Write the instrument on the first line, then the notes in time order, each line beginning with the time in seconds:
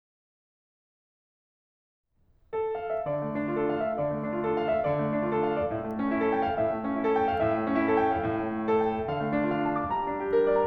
piano
2.04 A4
2.72 F5
2.89 E5
3.06 D3 D5
3.22 A3
3.34 D4
3.53 F4 A4
3.73 F5
3.87 E5
4.00 D3 D5
4.13 A3
4.26 D4
4.43 F4 A4
4.60 F5
4.74 E5
4.85 D3 D5
5.04 A3
5.17 D4
5.30 F4 A4
5.42 F5
5.57 D5
5.70 A2 E5
5.82 A3
5.99 C#4
6.13 E4 A4
6.27 G5
6.43 F5
6.58 A2 E5
6.76 A3
6.92 C#4
7.07 E4 A4
7.23 G5
7.36 F5
7.46 A2 E5
7.63 A3
7.79 C#4
7.86 E4 A4
7.96 G5
8.11 F5
8.25 A2 E5
8.46 A3
8.61 C#4
8.71 E4 A4
8.85 G5
8.95 E5
9.09 D3 F5
9.23 A3
9.38 D4
9.54 F4 D5
9.66 A5
9.76 D6
9.89 G3 A#5
10.03 D4
10.18 G4
10.31 A#4
10.45 D5
10.59 A#5